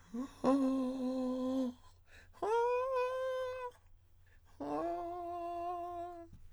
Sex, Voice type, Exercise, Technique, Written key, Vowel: male, countertenor, long tones, inhaled singing, , a